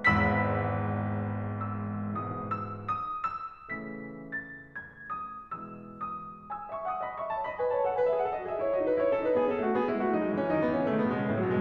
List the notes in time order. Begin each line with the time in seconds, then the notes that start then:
0.00 G#1 E2 G#2 B5 E6 B6
1.82 E6
2.15 G#2 B2 E3 D#6
2.43 E6
2.77 D#6
3.02 E6
3.73 C#3 E3 A3 B6
4.28 A6
4.70 G#6
5.17 D#6
5.57 B2 E3 G#3 E6
6.06 D#6
6.44 G#5 E6
6.69 E5 C#6
6.86 F#5 D#6
7.02 D#5 B5
7.17 E5 C#6
7.31 C#5 A5
7.47 D#5 B5
7.57 B4 G#5
7.71 C#5 A5
7.84 A4 F#5
8.00 B4 G#5
8.12 G#4 E5
8.24 A4 F#5
8.34 F#4 D#5
8.48 G#4 E5
8.60 E4 C#5
8.72 F#4 D#5
8.81 D#4 B4
8.95 E4 C#5
9.09 C#4 A4
9.24 D#4 B4
9.38 B3 G#4
9.50 C#4 A4
9.64 A3 F#4
9.75 B3 G#4
9.89 G#3 E4
10.02 A3 F#4
10.12 F#3 D#4
10.26 G#3 E4
10.41 E3 C#4
10.52 F#3 D#4
10.61 D#3 B3
10.70 E3 C#4
10.86 C#3 A3
10.97 D#3 B3
11.05 B2 G#3
11.19 C#3 A3
11.33 A2 F#3
11.44 B2 G#3